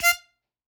<region> pitch_keycenter=77 lokey=75 hikey=79 tune=6 volume=-1.952939 seq_position=2 seq_length=2 ampeg_attack=0.004000 ampeg_release=0.300000 sample=Aerophones/Free Aerophones/Harmonica-Hohner-Special20-F/Sustains/Stac/Hohner-Special20-F_Stac_F4_rr2.wav